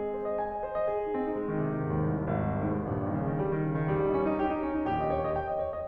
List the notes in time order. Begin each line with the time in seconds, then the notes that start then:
0.01 G#3 C4 G#4
0.16 D#5
0.28 C5 D#5
0.45 G#5
0.57 D#5
0.71 C5
0.84 D#5
0.97 G#4
1.09 D#4
1.19 C4
1.32 D#4
1.43 G#3
1.52 D#3
1.63 C3
1.72 D#3
1.83 G#2
1.96 D#2
2.19 C2
2.29 D#2
2.42 G#1
2.51 C2
2.62 D#2
2.71 G#2
2.84 A#1 D#2 G2 A#2
2.94 D#3
3.07 C#3
3.28 D#3
3.38 G3
3.48 D#3
3.60 C#3
3.72 D#3
3.88 A#1 D#2 A#2 G3
4.02 D#4
4.15 C#4
4.29 D#4
4.42 G4
4.52 D#4
4.61 C#4
4.74 D#4
4.86 A#1 D#2 A#2 G4
4.97 D#5
5.10 C#5
5.24 D#5
5.37 G5
5.50 D#5
5.60 C#5
5.72 D#5